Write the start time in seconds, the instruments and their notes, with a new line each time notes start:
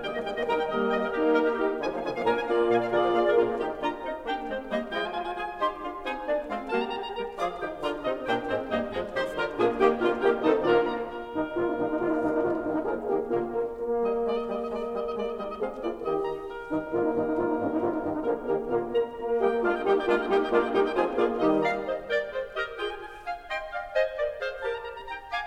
0.00 bassoon D#3 G3, oboe D#5 G5, clarinet G5
0.08 bassoon G3 A#3, clarinet D#5
0.20 bassoon D#3 G3, clarinet G5
0.31 bassoon G3 A#3, clarinet D#5
0.43 horn D#3 G3, bassoon A#3 D#4, clarinet A#4 A#5, oboe D#5 G5
0.53 clarinet G5
0.68 horn G3 A#3, oboe A#4 D#5, clarinet D#5
0.88 horn G3 A#3, bassoon A#3, oboe A#4 D#5, clarinet D#5 G5
0.98 clarinet A#4 D#5
1.10 horn A#3 D#4, clarinet G4 A#4, oboe G4 A#4
1.35 horn A#3 D#4, oboe G4 A#4, clarinet A#4 D#5
1.49 clarinet G4 A#4
1.59 horn D#4 G4, clarinet D#4 G4, oboe D#4 G4
1.78 bassoon D3 F3, clarinet G#5
1.89 bassoon F3 A#3, clarinet F5
2.02 bassoon D3 F3, clarinet G#5
2.11 bassoon F3 A#3, clarinet F5
2.19 horn A#2 A#3, bassoon A#3 D4, clarinet A#4 A#5, oboe F5 G#5
2.33 clarinet G#5
2.50 horn A#3 F4, oboe D5 F5, clarinet F5
2.68 bassoon A#2, horn A#3 F4, oboe D5 F5, clarinet F5 G#5
2.80 clarinet D5 F5
2.91 bassoon D3, horn F4 G#4, clarinet A#4 D5, oboe A#4 D5
3.04 bassoon F3
3.18 bassoon A#3, horn F4, oboe A#4, clarinet A#4 D5 F5
3.34 bassoon A#2 D4, horn A#3 F4, clarinet F4 A#4, oboe A#4
3.39 bassoon A#3
3.52 bassoon D#3 D#4, clarinet G4 G5, oboe G4
3.77 bassoon D4, clarinet F4 A#5, oboe A#4
3.94 bassoon C4, clarinet D#4 D#5
4.27 bassoon A#3, clarinet D4 G5, oboe G4
4.46 bassoon G#3, clarinet C4 C5
4.69 bassoon G3, clarinet A#3 D#5, oboe D#4
4.88 bassoon F3 E4, clarinet G#3 G#4, oboe G5
4.98 bassoon F4, oboe G#5
5.12 bassoon F4, oboe G#5
5.27 bassoon F4, oboe G#5
5.45 bassoon F4, clarinet G#4 G#5, oboe G#5
5.54 bassoon D#4, clarinet G4 C6, oboe C5
5.80 bassoon D4, clarinet F4 F5
6.03 bassoon C4, clarinet D#4 G#5, oboe G#4
6.25 bassoon A#3, clarinet D4 D5
6.46 bassoon G#3, clarinet C4 F5, oboe F4
6.64 bassoon G3 F#4, clarinet A#3 A#4, oboe A5
6.78 bassoon G4, oboe A#5
6.87 bassoon G4, oboe A#5
7.01 bassoon G4, oboe A#5
7.13 bassoon G3 G4, clarinet A#4, oboe A#5
7.36 bassoon F3 F4, clarinet G#4, oboe D5 D6
7.55 bassoon D#3 D#4, clarinet G4, oboe G5
7.80 bassoon D3 C4, clarinet F4, oboe A#4 A#5
8.00 bassoon C3 C4, clarinet D#4 D#5, oboe D#5
8.24 bassoon A#2 A#3, clarinet D4 G5, oboe G4 G5
8.49 bassoon G#2 G#3, clarinet C4 C5, oboe C5
8.70 bassoon G2 G3, clarinet A#3 D#5, oboe D#4 D#5
8.90 bassoon F2 F3, clarinet G#3 G#4, oboe G#4
9.13 bassoon D#3 D#4, clarinet G4 C5, oboe C5 C6
9.37 bassoon C3 D4, clarinet F4 A#4, oboe A#4 A#5
9.56 bassoon A#2 A#3, horn A#3 F4, clarinet D4 G#4, oboe G#4 G#5
9.78 bassoon D#3 D#4, clarinet A#3 G4, horn A#3 G4, oboe G4 G5
9.96 bassoon D3 D4, horn A#3 F4, clarinet F4, oboe A#4 F5
10.21 bassoon D#3 D#4, horn A#3 G4, clarinet G4, oboe G5
10.43 bassoon C3 C4, horn D#3 D#4, clarinet D#4 A4, oboe D#5 A5
10.63 bassoon A#2 A#3, horn A#3 F4, clarinet D4 A#4, oboe D5
11.01 oboe A#5
11.16 oboe A#4
11.33 bassoon G2 D#3, horn D#4
11.55 bassoon G#2 D3, horn A#3 F4, oboe A#4
11.64 horn D#4
11.74 bassoon G2 D#3, horn D#4
11.88 horn D#4
11.99 bassoon G#2 D3, horn F4
12.05 horn D#4
12.16 bassoon G2 D#3, horn D#4
12.25 horn D#4
12.34 bassoon G#2 D3, horn A#3 F4, oboe A#4
12.49 horn D#4
12.62 bassoon G2 D#3, horn D#4
12.70 horn D#4
12.84 bassoon D3 F3, horn A#3 G#4, oboe A#4
13.12 bassoon D#3, horn A#3 G4, oboe A#4
13.35 bassoon A#2 D3, horn A#3 F4, oboe A#4
13.58 horn A#4
13.78 horn A#3
13.98 bassoon G3, clarinet D#4, oboe D#5
14.21 bassoon G#3, horn A#3, clarinet F4, oboe D5
14.29 oboe D#5
14.42 bassoon G3, clarinet D#4, oboe D#5
14.49 oboe D#5
14.59 bassoon G#3, oboe D5
14.71 oboe D#5
14.87 bassoon G3, clarinet D#4, oboe D#5
14.93 oboe D#5
15.08 bassoon G#3, horn A#3, clarinet F4, oboe D5
15.21 oboe D#5
15.31 bassoon G3, clarinet D#4, oboe D#5
15.41 oboe D#5
15.57 bassoon G#3 C4, horn G#4, clarinet G#4, oboe F5
15.88 bassoon A#3, clarinet F4, horn F4, oboe D5
16.03 bassoon D#3, clarinet D#4, oboe D#5
16.22 oboe A#5
16.28 horn G4, oboe A#4
16.61 bassoon G2 D#3, horn D#4
16.90 bassoon G#2 D3, horn A#3 F4, oboe A#4
17.02 horn D#4
17.12 bassoon G2 D#3, horn D#4
17.24 horn D#4
17.33 bassoon G#2 D3, horn F4
17.41 horn D#4
17.51 bassoon G2 D#3, horn D#4
17.62 horn D#4
17.79 bassoon G#2 D3, horn A#3 F4, oboe A#4
17.86 horn D#4
18.01 bassoon G2 D#3, horn D#4
18.05 horn D#4
18.22 bassoon D3 F3, horn A#3 G#4, oboe A#4
18.48 bassoon D#3, horn A#3 G4, oboe A#4
18.68 bassoon A#2 D3, horn A#3 F4, oboe A#4
18.91 horn A#4, clarinet A#5
19.13 horn A#3, clarinet A#4
19.38 bassoon G3 A#3, horn G4, clarinet G4, oboe D#5 G5
19.59 bassoon G#3 A#3, horn A#3 F4, clarinet D4 F4, oboe D5 F5
19.70 oboe D#5 G5
19.81 bassoon G3 A#3, clarinet D#4 G4, horn D#4 G4, oboe D#5 G5
19.92 oboe D#5 G5
20.00 bassoon G#3 A#3, horn A#3 F4, clarinet D4 F4, oboe D5 F5
20.14 oboe D#5 G5
20.27 bassoon G3 A#3, clarinet D#4 G4, horn D#4 G4, oboe D#5 G5
20.32 oboe D#5 G5
20.48 bassoon G#3 A#3, horn A#3 F4, clarinet D4 F4, oboe D5 F5
20.56 oboe D#5 G5
20.71 bassoon G3 A#3, clarinet D#4 G4, horn D#4 G4, oboe D#5 G5
20.84 oboe D#5 G5
20.94 bassoon F3 C4, clarinet F4 G#4, horn F4 G#4, oboe C5 G#5
21.19 bassoon A#3, horn A#3 F4, clarinet F4 G#4, oboe D5 F5
21.43 bassoon D#3, horn G3 D#4, clarinet D#4 G4, oboe D#5
21.78 clarinet D5 F5, oboe A#5
21.95 clarinet C5 D#5, oboe D#5
22.04 clarinet A#4 D5, oboe G5
22.28 clarinet G#4 C5, oboe C5
22.55 clarinet G4 A#4, oboe D#5
22.76 clarinet F4 G#4, oboe G#4 G5
22.87 oboe G#5
23.05 oboe G#5
23.22 oboe G#5
23.30 clarinet F5, oboe G#5
23.46 clarinet D#5 G5, oboe C6
23.75 clarinet D5 F5, oboe F5
24.03 clarinet C5 D#5, oboe G#5
24.14 clarinet A#4 D5, oboe D5
24.36 clarinet G#4 C5, oboe F5
24.57 clarinet G4 A#4, oboe A#4 A5
24.72 oboe A#5
24.89 oboe A#5
25.04 oboe A#5
25.12 clarinet G5, oboe G#5 A#5
25.33 clarinet F5 G#5, oboe D6